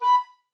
<region> pitch_keycenter=83 lokey=82 hikey=86 tune=-1 volume=8.145192 offset=265 ampeg_attack=0.004000 ampeg_release=10.000000 sample=Aerophones/Edge-blown Aerophones/Baroque Tenor Recorder/Staccato/TenRecorder_Stac_B4_rr1_Main.wav